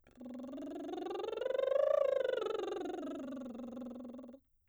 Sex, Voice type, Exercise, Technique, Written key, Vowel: female, soprano, scales, lip trill, , o